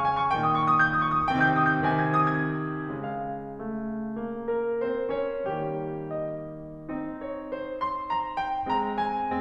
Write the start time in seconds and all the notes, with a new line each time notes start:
0.00 C#6
0.16 G#5
0.27 C#6
0.37 A#2 D#3 A#3 G5
0.48 D#6
0.60 C#6
0.73 D#6
0.86 G6
1.00 D#6
1.13 C#6
1.29 D#6
1.43 C3 D#3 C4 G5
1.56 G6
1.70 D#6
1.83 G6
1.96 C3 D#3 C4 G#5
2.22 G#6
2.41 D#6
2.60 G#6
2.94 C#3 G#3 F5
3.59 A3
4.21 A#3
4.54 A#4
4.90 C4 C5
5.20 C#4 C#5
5.48 D#3 G3 A#3 G4
6.14 D#5
6.94 C4 D#4
7.22 C#5
7.51 C5
7.83 C6
8.12 A#5
8.37 G5
8.68 G#3 C4 A#5
9.04 G#5